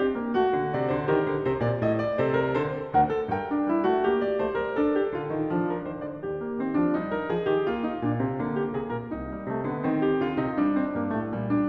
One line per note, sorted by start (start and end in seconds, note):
0.00 0.16 C4
0.00 0.33 G4
0.16 0.33 A#3
0.33 0.55 A3
0.33 1.11 F#4
0.55 0.73 D3
0.72 0.95 C3
0.72 0.92 D5
0.92 1.13 D3
0.92 1.11 C5
1.11 1.30 D#3
1.11 2.16 G4
1.11 1.45 A#4
1.30 1.46 D3
1.45 1.66 C3
1.45 1.66 C5
1.66 1.83 A#2
1.66 1.82 D5
1.82 2.17 A2
1.82 2.01 D#5
2.01 2.16 D5
2.16 2.57 C3
2.16 2.35 A4
2.16 2.35 C5
2.35 2.55 A#4
2.55 2.96 D3
2.55 2.95 A4
2.55 2.95 C5
2.95 3.31 D2
2.95 3.10 A#4
2.95 3.30 F#5
3.10 3.30 A4
3.30 3.68 G2
3.30 3.48 A#4
3.30 3.68 G5
3.48 3.68 D4
3.68 3.85 G3
3.68 3.84 E4
3.84 4.05 A3
3.84 4.05 F#4
4.05 4.41 A#3
4.05 4.95 G4
4.24 4.41 D5
4.41 4.62 A3
4.41 4.59 C5
4.59 4.77 G3
4.59 4.77 A#4
4.77 5.13 D4
4.77 5.65 A4
4.98 5.13 G4
5.13 5.31 D3
5.13 5.31 F4
5.31 5.49 D#3
5.31 5.49 D#4
5.49 5.85 F3
5.49 6.44 D4
5.65 5.84 A#4
5.84 6.12 D#3
5.84 6.12 C5
6.12 6.28 D3
6.12 6.26 D5
6.26 6.61 D#2
6.26 7.09 G4
6.44 6.61 A#3
6.61 6.76 D#3
6.61 6.76 C4
6.76 6.93 F3
6.76 6.93 D4
6.93 7.33 G3
6.93 7.85 D#4
7.09 7.31 A#4
7.31 7.53 F3
7.31 7.52 G#4
7.52 7.71 D#3
7.52 7.70 G4
7.70 8.05 A#3
7.70 8.58 F4
7.89 8.06 D#4
8.05 8.22 A#2
8.05 8.23 D4
8.22 8.39 C3
8.22 8.41 C4
8.39 8.75 D3
8.39 9.29 A#3
8.58 8.75 G4
8.75 8.92 C3
8.75 8.90 G#4
8.90 9.06 A#2
8.90 9.06 A#4
9.06 9.45 C2
9.06 10.04 D#4
9.29 9.46 G3
9.45 9.67 C3
9.45 9.67 A3
9.67 9.82 D3
9.67 9.83 B3
9.82 10.22 D#3
9.82 10.74 C4
10.04 10.21 G4
10.21 10.41 D3
10.21 10.41 F4
10.41 10.59 C3
10.41 10.58 D#4
10.58 10.91 G3
10.58 11.42 D4
10.75 10.92 C4
10.91 11.08 G2
10.91 11.10 A#3
11.08 11.26 A2
11.08 11.27 A3
11.26 11.69 A#2
11.26 11.69 G3
11.46 11.69 D4